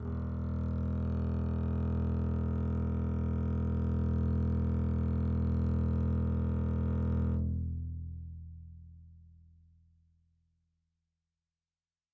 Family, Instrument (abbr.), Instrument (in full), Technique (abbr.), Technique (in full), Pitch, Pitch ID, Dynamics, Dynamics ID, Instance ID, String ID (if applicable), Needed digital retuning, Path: Strings, Cb, Contrabass, ord, ordinario, E1, 28, mf, 2, 3, 4, FALSE, Strings/Contrabass/ordinario/Cb-ord-E1-mf-4c-N.wav